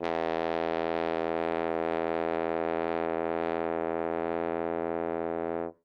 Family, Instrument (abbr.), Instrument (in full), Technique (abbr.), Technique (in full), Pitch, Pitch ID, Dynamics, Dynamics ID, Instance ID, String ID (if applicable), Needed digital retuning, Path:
Brass, Hn, French Horn, ord, ordinario, E2, 40, ff, 4, 0, , TRUE, Brass/Horn/ordinario/Hn-ord-E2-ff-N-T18u.wav